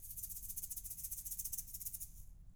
<region> pitch_keycenter=60 lokey=60 hikey=60 volume=19.875241 seq_position=2 seq_length=2 ampeg_attack=0.004000 ampeg_release=0.5 sample=Idiophones/Struck Idiophones/Shaker, Small/Mid_Shaker_Roll_Fast_rr1.wav